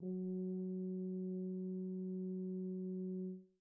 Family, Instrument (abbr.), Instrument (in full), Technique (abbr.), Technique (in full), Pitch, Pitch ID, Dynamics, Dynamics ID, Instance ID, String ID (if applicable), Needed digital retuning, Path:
Brass, BTb, Bass Tuba, ord, ordinario, F#3, 54, pp, 0, 0, , FALSE, Brass/Bass_Tuba/ordinario/BTb-ord-F#3-pp-N-N.wav